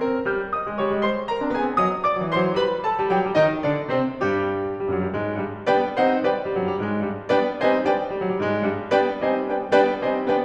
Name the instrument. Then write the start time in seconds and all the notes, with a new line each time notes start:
piano
0.00 C4 A#4
0.12 C#4
0.28 G3 F5 F6
0.53 D#5 D#6
0.64 G3
0.75 F3 C#5 C#6
0.88 G3
1.02 G#3 C5 C6
1.29 A#4 A#5
1.40 C4
1.51 B3 G#4 G#5
1.64 C4
1.78 F#3 D#5 D#6
1.99 D5 D6
2.12 F#3
2.24 E3 C5 C6
2.40 F#3
2.52 G3 B4 B5
2.83 A4 A5
2.96 G3
3.10 F#3 G4 G5
3.22 G3
3.36 D#3 D#4 D#5
3.63 D3 D4 D5
3.90 C3 C4 C5
4.20 G2 G3 G4
4.69 G2 G3
4.88 F#2 F#3
5.03 G2 G3
5.15 G#2 G#3
5.43 G2 G3
5.69 G3 B3 D4 B4 D5 G5
5.98 G3 C4 D#4 A4 C5 D#5 F#5
6.23 B3 D4 B4 D5 G5
6.36 G2 G3
6.48 F#2 F#3
6.58 G2 G3
6.77 G#2 G#3
7.04 G2 G3
7.31 G3 B3 D4 B4 D5 G5
7.60 G3 C4 D#4 C5 D#5 F#5 A5
7.89 B3 D4 B4 D5 G5
8.02 G2 G3
8.15 F#2 F#3
8.30 G2 G3
8.43 G#2 G#3
8.72 G2 G3
8.93 G3 B3 D4 B4 D5 G5
9.22 G3 C4 D#4 C5 D#5 G#5
9.42 B3 D4 B4 D5 G5
9.69 G3 B3 D4 B4 D5 G5
9.97 G3 C4 D#4 C5 D#5 G#5
10.21 B3 D4 B4 D5 G5